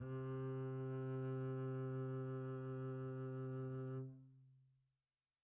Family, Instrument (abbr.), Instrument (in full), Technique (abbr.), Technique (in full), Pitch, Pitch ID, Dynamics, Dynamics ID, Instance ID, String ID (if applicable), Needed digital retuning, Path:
Strings, Cb, Contrabass, ord, ordinario, C3, 48, pp, 0, 2, 3, FALSE, Strings/Contrabass/ordinario/Cb-ord-C3-pp-3c-N.wav